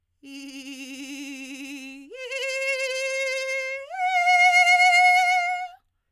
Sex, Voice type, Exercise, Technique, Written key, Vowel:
female, soprano, long tones, trillo (goat tone), , i